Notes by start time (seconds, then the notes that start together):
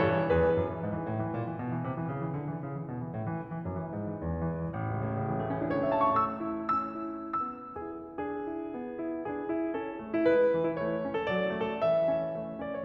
0.00 A2 A4 C#5
0.12 E3
0.26 E2 G#4 B4
0.39 E3
0.55 F#2
0.67 E3
0.79 G#2
0.93 E3
1.08 A2
1.21 E3
1.36 A#2
1.49 E3
1.60 B2
1.72 E3
1.83 C3
1.96 E3
2.10 C#3
2.25 E3
2.37 D3
2.51 E3
2.64 C#3
2.76 E3
2.89 B2
3.03 E3
3.13 A2
3.29 E3
3.41 G#2
3.53 E3
3.70 F#2
3.84 E3
3.96 G#2
4.16 E3
4.28 E2
4.40 E3
4.60 A1
4.67 C#2
4.77 E2
4.86 A2
5.05 C#3
5.34 E3
5.55 A3
5.60 C#4
5.67 E4
5.74 A4
5.83 C#5
5.89 E5
5.96 A5
6.03 C#6
6.10 A3 E6
6.42 E4
6.70 C#4 E6
7.08 E4
7.43 B3 E6
7.80 E4 G#4
8.22 D4 G#4
8.49 E4
8.72 B3
8.97 E4
9.26 D4 G#4
9.49 E4
9.73 C#4 A4
10.00 A3
10.11 E4
10.25 G#3 B4
10.54 E3
10.67 E4
10.77 A3 C#5
11.02 E4
11.13 A4
11.25 F#3 D5
11.49 A3
11.63 A4
11.75 E3 C#5
11.83 E5
12.05 C#4
12.35 A3
12.63 C#4 D5
12.74 C#5